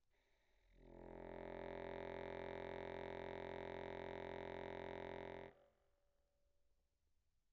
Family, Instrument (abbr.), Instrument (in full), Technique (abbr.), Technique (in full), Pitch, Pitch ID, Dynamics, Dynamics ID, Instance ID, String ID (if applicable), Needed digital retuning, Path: Keyboards, Acc, Accordion, ord, ordinario, F1, 29, pp, 0, 0, , FALSE, Keyboards/Accordion/ordinario/Acc-ord-F1-pp-N-N.wav